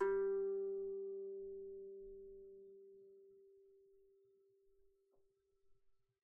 <region> pitch_keycenter=55 lokey=55 hikey=56 volume=7.122253 offset=10 lovel=0 hivel=65 ampeg_attack=0.004000 ampeg_release=15.000000 sample=Chordophones/Composite Chordophones/Strumstick/Finger/Strumstick_Finger_Str1_Main_G2_vl1_rr1.wav